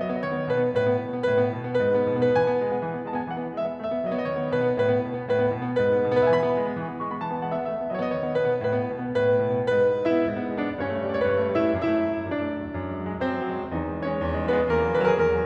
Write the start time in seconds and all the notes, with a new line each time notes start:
0.00 F#3 D#5
0.13 B3
0.27 D#3 C#5 D#5
0.36 B3 C#5
0.50 B2 B4
0.64 B3
0.74 A2 B4
0.86 B3
1.00 B2
1.11 B3
1.23 A2 B4
1.40 B3
1.52 B2
1.63 B3
1.81 G#2 B4
1.95 B3
2.09 B2
2.23 B3
2.35 E3 B4
2.41 G#5
2.48 B3
2.60 G#3
2.69 B3
2.86 E3
2.96 B3
3.05 G#3 A5
3.18 B3 G#5
3.32 E3 F#5
3.41 B3
3.56 G#3 E5
3.69 B3
3.80 A3 E5
3.90 B3
4.04 F#3 D#5
4.13 B3
4.27 D#3 C#5
4.37 D#5
4.42 B3 C#5
4.55 B2 B4
4.67 B3
4.83 A2 B4
4.91 B3
5.02 B2
5.14 B3
5.26 A2 B4
5.39 B3
5.51 B2
5.62 B3
5.75 G#2 B4
5.93 B3
6.04 B2
6.15 B3
6.33 E3 B4
6.43 E5
6.49 B3 G#5
6.54 B5
6.58 G#3
6.69 B3
6.78 E3
6.88 B3
7.00 G#3 C#6
7.09 B3 B5
7.20 E3 A5
7.30 B3 G#5
7.42 G#3 F#5
7.53 B3 E5
7.70 A3 E5
7.80 B3
7.93 F#3 D#5
8.05 B3
8.16 D#3 C#5
8.21 D#5
8.27 B3 C#5
8.38 B2 B4
8.51 B3
8.63 A2 B4
8.80 B3
8.90 B2
9.03 B3
9.17 A2 B4
9.30 B3
9.43 B2
9.54 B3
9.72 G#2 B4
9.87 B3
10.07 G#3 E4 E5
10.18 B3
10.33 G#2
10.44 B3
10.57 G#3 D4 D5
10.67 B3
10.81 G2 C#4 C#5
10.91 A3
11.04 G3 D5
11.10 C#5
11.19 A3 B4
11.26 C#5
11.32 G2 C#5
11.46 A3
11.58 G3 E4 E5
11.69 A3
11.82 F#2 E4 E5
11.97 A3
12.10 F#3
12.20 A3
12.34 F#2 D4 D5
12.48 A3
12.60 F#3
12.72 A3
12.84 F#2
12.97 G#3
13.06 F#3
13.15 G#3
13.26 F#2 C4 C5
13.41 G#3
13.50 F#3
13.64 G#3
13.75 E2 D#4 D#5
13.87 G#3
14.00 E3 C#4 C#5
14.12 G#3
14.25 E2
14.37 G#3
14.47 E3 B3 B4
14.58 G#3
14.71 E2 A#3 A#4
14.88 F#3
15.01 E3 B4
15.07 A#4
15.13 F#3 G#4
15.19 A#4
15.24 E2 A#4
15.34 F#3